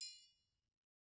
<region> pitch_keycenter=71 lokey=71 hikey=71 volume=22.712483 offset=184 lovel=0 hivel=83 seq_position=2 seq_length=2 ampeg_attack=0.004000 ampeg_release=30.000000 sample=Idiophones/Struck Idiophones/Triangles/Triangle6_HitM_v1_rr2_Mid.wav